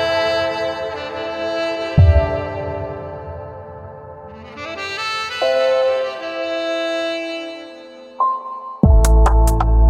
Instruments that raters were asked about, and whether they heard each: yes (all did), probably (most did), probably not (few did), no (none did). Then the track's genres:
trombone: probably not
violin: probably not
Dubstep